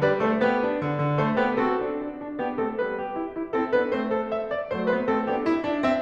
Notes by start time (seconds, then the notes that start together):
0.00 G3 B4 D5
0.19 A3 A4 C5
0.38 B3 G4 B4
0.56 D4
0.74 D3
0.94 D3
1.21 A3 A4 C5
1.42 B3 G4 B4
1.68 C4 F#4 A4
1.90 D4
2.08 D4
2.25 D4
2.43 B3 D4 G4
2.62 A3 C4 A4
2.83 G3 B3 B4
3.00 G4
3.18 E4
3.37 E4
3.54 C4 E4 A4
3.73 B3 D4 B4
3.91 A3 C4 C5
4.10 A4
4.28 E5
4.50 D5
4.70 F#3 A3 C5
4.91 G3 B3 B4
5.11 A3 C4 A4
5.25 B3 D4 G4
5.48 E4
5.68 D4
5.85 C4 E5